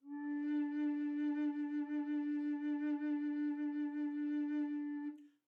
<region> pitch_keycenter=62 lokey=62 hikey=63 tune=-5 volume=13.157136 offset=1514 ampeg_attack=0.004000 ampeg_release=0.300000 sample=Aerophones/Edge-blown Aerophones/Baroque Bass Recorder/SusVib/BassRecorder_SusVib_D3_rr1_Main.wav